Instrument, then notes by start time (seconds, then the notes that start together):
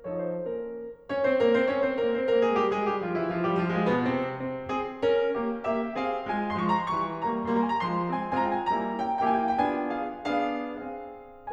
piano
0.09 F3 D#4 A4 C#5
0.29 C5
0.51 A#3 C#4 A#4
1.12 C#4 C#5
1.25 C4 C5
1.38 A#3 A#4
1.53 C4 C5
1.67 C#4 C#5
1.80 C4 C5
1.97 A#3 A#4
2.15 C4 C5
2.30 A#3 A#4
2.45 G#3 G#4
2.60 G3 G4
2.74 G#3 G#4
2.87 G3 G4
2.99 F3 F4
3.16 E3 E4
3.29 F3 F4
3.45 G3 G4
3.58 F3 F4
3.70 G#3 G#4
3.85 B2 B3
4.04 C3 C4
4.32 C4
4.66 C4 G#4
5.01 C#4 A#4
5.37 A#3 G4
5.69 A#3 G4 E5
5.98 C4 G#4 F5
6.19 G#3 F4 G#5
6.56 F3 G#3 C6
6.65 C#6
6.72 A#5
6.79 C6
6.86 E3 G3 C#6
7.24 G3 A#3 A#5
7.56 G3 A#3 A#5
7.60 C6
7.67 G#5
7.74 A#5
7.81 F3 G#3 C6
8.11 G#3 C4 G#5
8.39 G#3 C4 F4 G#5
8.51 A#5
8.58 G5
8.64 G#5
8.69 G3 A#3 E4 A#5
8.98 A#3 C#4 E4 G5
9.26 A#3 C#4 E4 G5
9.32 G#5
9.41 F5
9.51 G5
9.61 B3 D4 F4 G#5
9.92 G#4 F5
10.26 B3 D4 G#4 F5
10.84 C4 G#4 F5